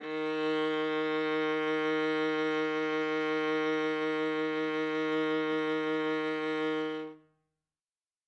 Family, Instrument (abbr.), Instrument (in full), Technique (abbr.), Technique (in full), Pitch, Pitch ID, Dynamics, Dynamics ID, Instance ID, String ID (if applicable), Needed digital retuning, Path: Strings, Va, Viola, ord, ordinario, D#3, 51, ff, 4, 3, 4, TRUE, Strings/Viola/ordinario/Va-ord-D#3-ff-4c-T20u.wav